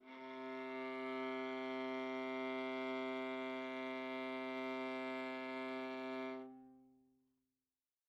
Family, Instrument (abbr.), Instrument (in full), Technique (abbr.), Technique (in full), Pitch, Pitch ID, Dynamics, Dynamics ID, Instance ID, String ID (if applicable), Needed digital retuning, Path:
Strings, Va, Viola, ord, ordinario, C3, 48, mf, 2, 3, 4, FALSE, Strings/Viola/ordinario/Va-ord-C3-mf-4c-N.wav